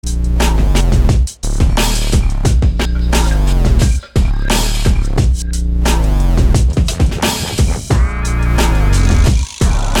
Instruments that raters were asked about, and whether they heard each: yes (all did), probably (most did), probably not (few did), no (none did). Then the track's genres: drums: probably
Hip-Hop Beats; Instrumental